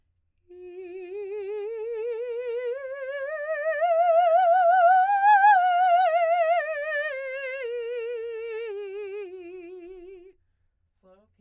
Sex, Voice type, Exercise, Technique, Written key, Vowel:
female, soprano, scales, slow/legato piano, F major, i